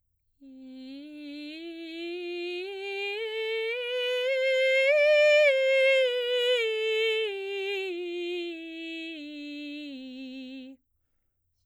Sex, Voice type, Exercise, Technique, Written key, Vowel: female, soprano, scales, straight tone, , i